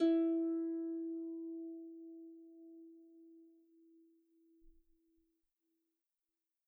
<region> pitch_keycenter=64 lokey=64 hikey=65 tune=-3 volume=15.812168 xfout_lovel=70 xfout_hivel=100 ampeg_attack=0.004000 ampeg_release=30.000000 sample=Chordophones/Composite Chordophones/Folk Harp/Harp_Normal_E3_v2_RR1.wav